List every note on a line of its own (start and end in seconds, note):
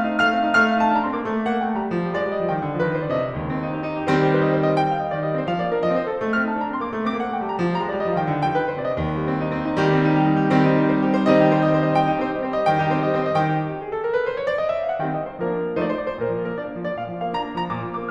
0.00 0.10 D#4
0.12 0.34 A3
0.12 0.46 F5
0.12 0.46 F6
0.34 0.46 C4
0.46 0.60 D#4
0.60 0.72 A3
0.60 0.84 F5
0.60 0.84 F6
0.72 0.84 C4
0.84 0.95 D#4
0.84 0.95 A5
0.95 1.07 D4
0.95 1.07 A#5
1.07 1.17 C4
1.07 1.17 C6
1.17 1.27 A#3
1.17 1.27 D6
1.27 1.36 A3
1.36 1.47 A#3
1.47 1.58 C4
1.47 1.58 F#5
1.58 1.71 A#3
1.58 1.71 G5
1.71 1.83 A3
1.71 1.83 A5
1.85 1.95 G3
1.85 1.95 A#5
1.95 2.09 F3
2.09 2.21 G3
2.21 2.31 A3
2.21 2.31 D5
2.31 2.40 G3
2.31 2.40 D#5
2.40 2.53 F3
2.40 2.53 F5
2.53 2.64 D#3
2.53 2.64 G5
2.64 2.73 D3
2.73 2.87 D#3
2.87 2.97 F3
2.87 2.97 B4
2.97 3.11 D#3
2.97 3.11 C5
3.11 3.20 D3
3.11 3.20 D5
3.20 3.34 C3
3.20 3.34 D#5
3.34 3.66 D#2
3.55 3.66 C4
3.66 3.77 D#4
3.77 3.87 G4
3.87 4.03 D#4
4.03 4.14 G4
4.14 4.39 D#3
4.14 4.39 G3
4.14 4.39 C4
4.14 4.27 C5
4.27 4.39 G4
4.40 4.52 C5
4.52 4.62 D#5
4.62 4.73 C5
4.73 4.85 D#5
4.85 4.96 G5
4.96 5.10 F5
5.10 5.17 D#5
5.18 5.22 D#3
5.18 5.22 D5
5.22 5.39 G3
5.22 5.39 D#5
5.39 5.48 C4
5.39 5.48 C5
5.48 5.61 F3
5.48 5.61 F5
5.61 5.72 A#3
5.61 5.72 D5
5.72 5.82 D4
5.72 5.82 A#4
5.82 5.97 F3
5.82 5.97 D#5
5.98 6.10 C4
5.98 6.10 C5
6.10 6.23 D#4
6.10 6.23 A4
6.23 6.34 A3
6.34 6.46 C4
6.34 6.46 F6
6.46 6.59 D#4
6.46 6.59 A5
6.59 6.70 D4
6.59 6.70 A#5
6.70 6.80 C4
6.70 6.80 C6
6.82 6.92 A#3
6.82 6.92 D6
6.92 7.05 A3
7.06 7.16 A#3
7.06 7.16 D6
7.16 7.29 C4
7.16 7.29 F#5
7.29 7.41 A#3
7.29 7.41 G5
7.41 7.51 A3
7.41 7.51 A5
7.51 7.62 G3
7.51 7.62 A#5
7.63 7.74 F3
7.74 7.87 G3
7.74 7.87 A#5
7.88 7.99 G#3
7.88 7.99 D5
7.99 8.10 G3
7.99 8.10 D#5
8.10 8.21 F3
8.10 8.21 F5
8.21 8.35 D#3
8.21 8.35 G5
8.35 8.45 D3
8.46 8.58 D#3
8.46 8.58 G5
8.58 8.68 F3
8.58 8.68 B4
8.70 8.77 D#3
8.70 8.77 C5
8.77 8.87 D3
8.77 8.87 D5
8.87 8.96 C3
8.87 8.96 D#5
8.96 9.28 D#2
9.09 9.28 G3
9.30 9.42 C4
9.42 9.52 D#4
9.53 9.64 C4
9.64 9.79 D#4
9.79 10.07 D#3
9.79 10.07 G3
9.79 9.91 G4
9.91 10.07 C4
10.07 10.17 D#4
10.18 10.27 G4
10.27 10.38 D#4
10.39 10.51 G4
10.51 10.89 D#3
10.51 10.89 G3
10.51 10.89 C4
10.51 10.77 C5
10.77 10.89 D#4
10.89 11.03 G4
11.03 11.13 C5
11.15 11.24 G4
11.24 11.34 C5
11.35 11.58 D#3
11.35 11.58 G3
11.35 11.58 C4
11.35 11.58 D#4
11.35 11.45 D#5
11.45 11.58 G4
11.58 11.70 C5
11.70 11.82 D#5
11.82 11.90 C5
11.91 12.02 D#5
12.02 12.11 G5
12.12 12.23 D#4
12.12 12.23 G4
12.23 12.34 C4
12.23 12.34 C5
12.34 12.43 G3
12.34 12.43 D#5
12.43 12.55 C4
12.43 12.55 C5
12.55 12.67 G3
12.55 12.67 D#5
12.67 12.78 D#3
12.67 12.78 G5
12.78 12.90 D#4
12.78 12.90 G4
12.91 13.00 C4
12.91 13.00 C5
13.00 13.12 G3
13.00 13.12 D#5
13.12 13.21 C4
13.12 13.21 C5
13.21 13.32 G3
13.21 13.32 D#5
13.32 13.54 D#3
13.32 13.42 G5
13.42 13.54 G4
13.54 13.64 F#4
13.65 13.76 G4
13.76 13.87 G#4
13.87 13.98 A4
13.98 14.12 A#4
14.12 14.22 B4
14.22 14.36 C5
14.36 14.47 C#5
14.48 14.58 D5
14.58 14.68 D#5
14.68 14.83 E5
14.83 14.93 F5
14.93 15.02 F#5
15.02 15.29 D#3
15.02 15.29 G3
15.02 15.29 C4
15.02 15.15 G5
15.15 15.29 D#5
15.30 15.41 C5
15.41 15.67 F3
15.41 15.67 A#3
15.41 15.67 D4
15.41 15.67 A#4
15.79 16.02 F3
15.79 16.02 A3
15.79 16.02 D#4
15.79 15.89 C5
15.85 15.96 D5
15.89 16.02 C5
15.96 16.08 D5
16.02 16.13 A#4
16.08 16.13 C5
16.14 16.28 A#2
16.14 16.42 A#4
16.28 16.42 F3
16.42 16.53 A#3
16.42 16.53 A#4
16.53 16.67 D4
16.53 16.85 D5
16.67 16.85 A#3
16.85 16.97 F3
16.85 16.97 D5
16.97 17.14 A#2
16.97 17.22 F5
17.15 17.22 F3
17.22 17.35 A#3
17.22 17.35 F5
17.35 17.46 D4
17.35 17.55 A#5
17.46 17.55 A#3
17.55 17.69 F3
17.55 17.69 A#5
17.69 17.81 A#2
17.69 17.94 D6
17.81 17.94 F3
17.95 18.11 A#3
17.95 18.11 D6